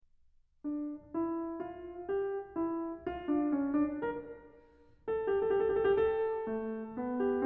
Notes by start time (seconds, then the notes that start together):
0.02 D4
1.16 E4
1.66 F4
2.10 G4
2.55 E4
3.08 F4
3.30 D4
3.55 C#4
3.74 D4
4.02 A#4
5.08 G4
5.15 A4
5.22 G4
5.41 A4
5.50 G4
5.61 A4
5.69 G4
5.78 A4
5.89 G4
5.97 A4
6.06 G4
6.13 A4
6.55 A3
6.97 B3
7.21 G4